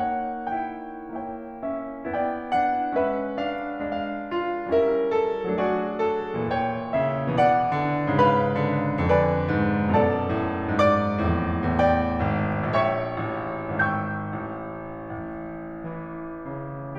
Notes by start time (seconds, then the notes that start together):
0.01 A#3 D#4 C#5 F#5
0.51 E4 G5
1.07 E4 G5
1.63 C#4 E5
2.07 B3 E4 D5 G5
2.49 D4 F#5
2.94 G#3 C#4 B4 E5
3.35 D4 F5
3.79 D4 F5
4.28 F4
4.73 G3 C#4 E4 A#4 E5
5.06 A4
5.51 F#3 A3 D4 F#4 G#4 D5
5.95 A4
6.45 A2 E3 C#5 G5
6.93 C#3 E5
7.34 B2 E3 D5 F#5
7.74 D3
8.19 G#2 C#3 B4 F5 B5
8.66 D3
9.07 F2 D3 B4 D5 G#5 B5
9.48 G#2
9.89 F#2 B2 A4 D5 A5
10.30 A2
10.81 G#2 D5 D6
11.29 F2 A2
11.74 E2 A2 G5
12.22 G#1
12.70 A#1 C#5 E5 G5 C#6
13.18 A1
13.78 G#1 G5 C#6 E6 G6
14.53 A1
15.19 A1
15.96 E3
16.49 C#3